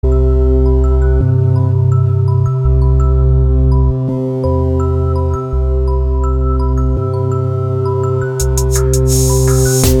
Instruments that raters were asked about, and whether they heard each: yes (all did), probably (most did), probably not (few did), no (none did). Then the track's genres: accordion: no
saxophone: no
synthesizer: yes
voice: no
Electronic; Hip-Hop; Trip-Hop